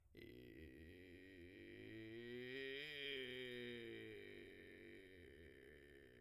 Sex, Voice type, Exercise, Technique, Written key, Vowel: male, , scales, vocal fry, , i